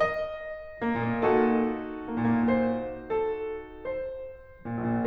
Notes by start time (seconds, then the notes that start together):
0.01 D#5
0.83 A#3
0.95 A#2
1.05 A#3
1.16 A#2 D#4 F#4 A4
2.11 A#3
2.20 A#2
2.33 A#3
2.49 A#2 C5
3.09 A4
3.79 C5
4.70 A#2
4.81 A#1
4.93 A#2